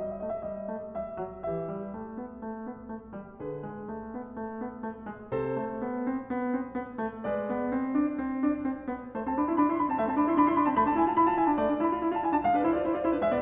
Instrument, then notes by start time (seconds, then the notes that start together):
piano
0.00 G3 D#5
0.06 E5
0.10 D#5
0.17 A3 D#5 E5
0.24 E5
0.29 D#5
0.36 E5
0.43 G3 D#5
0.49 E5
0.53 D#5
0.62 E5
0.66 A3 D#5
0.73 E5
0.80 D#5
0.92 G3
0.96 E5
1.17 F#3
1.46 E3 G4 B4
1.54 E5
1.68 G3
1.95 A3
2.17 B3
2.44 A3
2.66 B3
2.91 A3
3.13 G3
3.42 D3 G#4 B4
3.68 G#3
3.94 A3
4.13 B3
4.37 A3
4.59 B3
4.81 A3
5.09 G#3
5.31 C3 A4 C5
5.60 A3
5.82 B3
6.08 C4
6.27 B3
6.52 C4
6.69 B3
6.97 A3
7.26 G#3 B4 D5
7.48 B3
7.67 C4
7.91 D4
8.12 C4
8.31 D4
8.59 C4
8.88 B3
9.14 A3 C5
9.22 C4 A5
9.35 D4 B5
9.49 E4 C6
9.57 D4 B5
9.65 E4 C6
9.78 D4 B5
9.88 C4 A5
10.00 A3 E5
10.08 C4 A5
10.15 D4 B5
10.24 E4 C6
10.36 D4 B5
10.43 E4
10.47 C6
10.54 D4
10.59 B5
10.66 C4 A5
10.75 A3 B5
10.86 D4 A5
10.95 E4 G#5
11.06 F4 A5
11.16 E4
11.20 B5
11.28 F4 A5
11.41 E4 G#5
11.47 D4
11.52 A5
11.59 A3
11.63 D4 D5
11.76 E4 B5
11.90 F4
12.00 E4
12.13 F4 A5
12.21 E4 G5
12.33 D4
12.38 A5
12.45 G#3 F5
12.54 D4 B4
12.64 E4 C5
12.75 F4 D5
12.86 E4 C5
12.93 F4
12.98 D5
13.07 E4 C5
13.13 D4 B4
13.21 G#3 E5
13.31 B3 D5